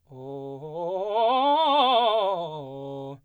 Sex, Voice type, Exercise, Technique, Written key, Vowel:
male, baritone, scales, fast/articulated forte, C major, o